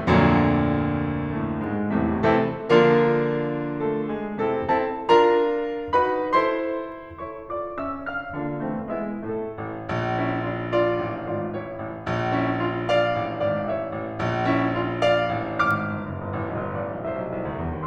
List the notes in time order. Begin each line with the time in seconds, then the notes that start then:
0.00 D2 F2 A#2 D3 F3 A#3
1.43 A2 A3
1.71 G#2 G#3
2.00 C2 E2 A2 C3 E3 A3
2.32 C3 E3 A3 C4 E4 A4
2.69 D3 F3 A#3 D4 F4 A#4
3.85 A3 A4
4.14 G#3 G#4
4.48 C3 E3 A3 C4 E4 A4
4.77 C4 E4 A4 A5
5.05 D4 F4 A#4 A#5
5.94 D#4 F#4 B4 B5
6.27 E4 A4 C5 C6
7.24 E4 A4 C#5 C#6
7.52 F4 D5 D6
7.80 C#4 E5 E6
8.09 D4 F5 F6
8.37 D3 A#3 D4 F4 F5
8.61 E3 A3 C4
8.88 G#3 B3 E4 E5
9.20 A2 A3 A4
9.52 A1
9.87 A#1
10.23 C#4 E4
10.50 D4 F4
10.75 F4 D5
11.03 A1
11.30 G#1 F4 D5
11.53 A1 E4 C#5
11.75 A1
12.04 A#1
12.36 C#4 E4
12.62 D4 F4
12.89 D5 F5
13.14 A1
13.42 G#1 D5 F5
13.65 A1 C#5 E5
13.93 A1
14.15 A#1
14.45 C#4 E4
14.71 D4 F4
15.03 D5 F5
15.35 A1
15.63 G#1 D6 F6
15.98 G1
16.16 F#1
16.30 G1
16.44 A1
16.59 B1
16.75 G1
16.87 A1 D5 F5
16.99 B1
17.10 C2 C5 E5
17.23 B1
17.33 C2
17.45 D2
17.57 E2
17.69 D#2